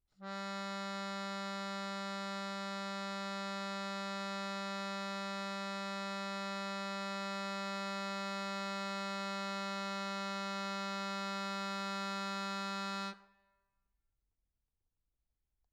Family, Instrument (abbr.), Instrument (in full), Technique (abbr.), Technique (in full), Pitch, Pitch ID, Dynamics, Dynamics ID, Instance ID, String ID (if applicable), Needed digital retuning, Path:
Keyboards, Acc, Accordion, ord, ordinario, G3, 55, mf, 2, 3, , FALSE, Keyboards/Accordion/ordinario/Acc-ord-G3-mf-alt3-N.wav